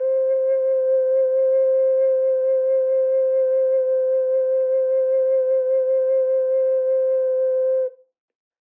<region> pitch_keycenter=72 lokey=71 hikey=72 tune=-1 volume=-1.137416 trigger=attack ampeg_attack=0.004000 ampeg_release=0.200000 sample=Aerophones/Edge-blown Aerophones/Ocarina, Typical/Sustains/SusVib/StdOcarina_SusVib_C4.wav